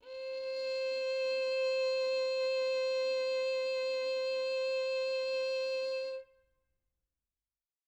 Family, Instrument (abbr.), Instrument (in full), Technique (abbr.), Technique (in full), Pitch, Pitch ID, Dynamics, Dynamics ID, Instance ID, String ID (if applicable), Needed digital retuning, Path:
Strings, Vn, Violin, ord, ordinario, C5, 72, mf, 2, 2, 3, FALSE, Strings/Violin/ordinario/Vn-ord-C5-mf-3c-N.wav